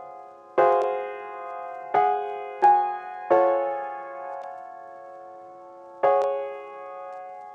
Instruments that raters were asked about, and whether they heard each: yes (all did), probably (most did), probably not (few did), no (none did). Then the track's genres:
piano: yes
Ambient Electronic; House; IDM